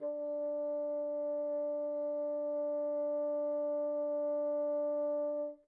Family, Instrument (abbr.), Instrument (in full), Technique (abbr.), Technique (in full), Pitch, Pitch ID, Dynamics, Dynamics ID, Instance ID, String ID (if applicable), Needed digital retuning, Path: Winds, Bn, Bassoon, ord, ordinario, D4, 62, pp, 0, 0, , FALSE, Winds/Bassoon/ordinario/Bn-ord-D4-pp-N-N.wav